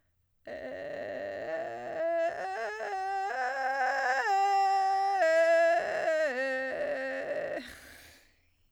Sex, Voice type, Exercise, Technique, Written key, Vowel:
female, soprano, arpeggios, vocal fry, , e